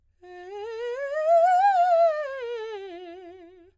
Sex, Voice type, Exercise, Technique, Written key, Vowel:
female, soprano, scales, fast/articulated piano, F major, e